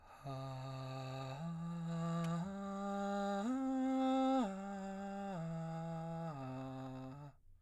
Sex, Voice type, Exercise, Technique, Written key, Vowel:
male, baritone, arpeggios, breathy, , a